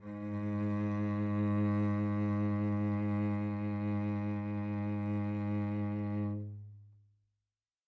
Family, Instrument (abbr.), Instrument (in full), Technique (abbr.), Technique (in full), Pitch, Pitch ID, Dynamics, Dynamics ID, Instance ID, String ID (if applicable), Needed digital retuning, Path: Strings, Vc, Cello, ord, ordinario, G#2, 44, mf, 2, 3, 4, FALSE, Strings/Violoncello/ordinario/Vc-ord-G#2-mf-4c-N.wav